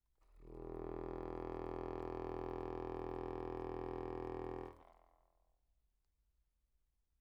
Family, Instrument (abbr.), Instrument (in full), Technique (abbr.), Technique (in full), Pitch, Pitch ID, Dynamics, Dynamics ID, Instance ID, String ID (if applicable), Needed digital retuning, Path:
Keyboards, Acc, Accordion, ord, ordinario, E1, 28, mf, 2, 1, , TRUE, Keyboards/Accordion/ordinario/Acc-ord-E1-mf-alt1-T13u.wav